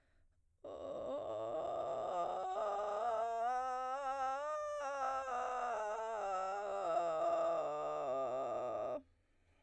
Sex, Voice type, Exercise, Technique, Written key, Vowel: female, soprano, scales, vocal fry, , o